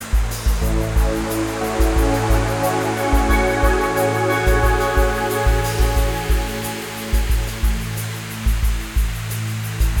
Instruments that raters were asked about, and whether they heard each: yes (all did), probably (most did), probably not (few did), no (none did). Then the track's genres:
flute: probably not
Ambient Electronic